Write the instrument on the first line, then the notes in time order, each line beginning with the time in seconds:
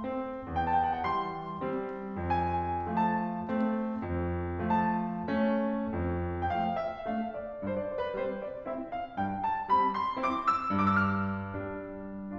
piano
0.01 C4
0.55 E2
0.64 A5
0.71 G5
0.82 F#5
0.95 G5
1.06 E3 G3 C6
1.65 G3 C4
2.22 F2 G#5
2.98 F3 A3 A5
3.50 A3 C4
3.99 F2
4.78 F3 A3 A5
5.31 A3 C#4
5.94 F2
6.43 F3 A3 G5
6.50 F5
6.76 E5
7.09 A3 D4 F5
7.39 D5
7.66 G2 C5
7.76 D5
7.91 C5
8.04 B4
8.17 G3 C4 C5
8.45 D5
8.69 C4 E4 E5
8.93 F5
9.18 G2 G5
9.43 A5
9.71 G3 C4 B5
9.96 C6
10.22 C4 E4 D6
10.47 E6
10.71 G2 D6
10.79 E6
10.84 F6
11.49 G3 D4